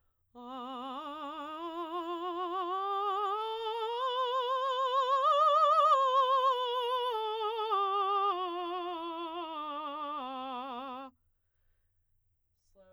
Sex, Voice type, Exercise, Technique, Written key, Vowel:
female, soprano, scales, slow/legato forte, C major, a